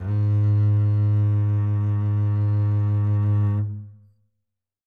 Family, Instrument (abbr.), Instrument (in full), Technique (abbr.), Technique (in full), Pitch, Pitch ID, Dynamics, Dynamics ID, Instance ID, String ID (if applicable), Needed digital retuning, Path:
Strings, Cb, Contrabass, ord, ordinario, G#2, 44, mf, 2, 3, 4, TRUE, Strings/Contrabass/ordinario/Cb-ord-G#2-mf-4c-T12u.wav